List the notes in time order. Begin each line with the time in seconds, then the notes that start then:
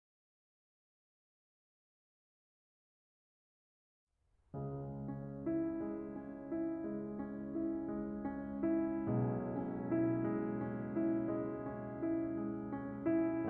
4.20 C#2 C#3 G#3
4.79 C#4
5.34 E4
5.79 G#3
6.19 C#4
6.52 E4
6.84 G#3
7.15 C#4
7.50 E4
7.85 G#3
8.18 C#4
8.65 E4
9.07 B1 B2 G#3
9.46 C#4
9.87 E4
10.29 G#3
10.69 C#4
11.08 E4
11.38 G#3
11.71 C#4
12.02 E4
12.38 G#3
12.71 C#4
13.07 E4